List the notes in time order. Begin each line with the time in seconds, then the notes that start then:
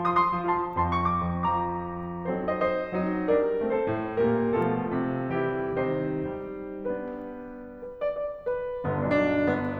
0.00 F3 F4 A5 C6
0.21 C6 D#6
0.31 C6 D#6
0.39 F3
0.53 F4 A5 C6
0.88 F2 F3 A5 C6
1.10 C#6 F6
1.18 D6 F6
1.32 F2
1.49 F3 A#5 D6
2.10 F#3 C4 D#4 A4 C5
2.46 C5 D#5
2.54 C5 D#5
2.96 F#3 C4 D#4
3.26 G3 A#3 D4 A#4 D5
3.62 A3 C4 A4 C5
3.91 A2
4.17 A#2 G3 A#3 G4 A#4
4.53 B2 F3 A3 F4 A4
4.93 C3
5.31 E3 G3 E4 G4
5.71 C3 D#3 G3 C4 D#4 G4 C5
6.66 B3 D4 B4
7.81 B4
8.06 D5
8.15 D5
8.46 B4
8.81 G1 G2 D3 B3
9.08 B1 D4
9.17 B1 D4
9.52 G1 B3